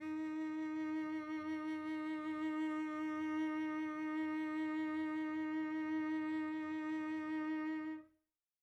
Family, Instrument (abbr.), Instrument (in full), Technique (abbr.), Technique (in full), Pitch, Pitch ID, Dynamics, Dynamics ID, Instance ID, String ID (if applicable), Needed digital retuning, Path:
Strings, Vc, Cello, ord, ordinario, D#4, 63, pp, 0, 2, 3, FALSE, Strings/Violoncello/ordinario/Vc-ord-D#4-pp-3c-N.wav